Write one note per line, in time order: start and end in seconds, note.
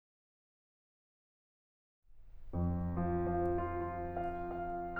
2.05 2.80 F2
2.82 3.02 F3
3.04 3.27 F3
3.30 3.45 F4
3.47 3.66 F4
3.68 3.96 F5
3.98 4.97 F5